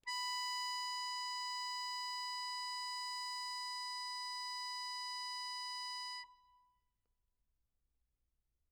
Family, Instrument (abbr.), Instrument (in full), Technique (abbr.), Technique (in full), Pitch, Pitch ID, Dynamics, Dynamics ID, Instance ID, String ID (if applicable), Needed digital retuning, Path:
Keyboards, Acc, Accordion, ord, ordinario, B5, 83, mf, 2, 2, , FALSE, Keyboards/Accordion/ordinario/Acc-ord-B5-mf-alt2-N.wav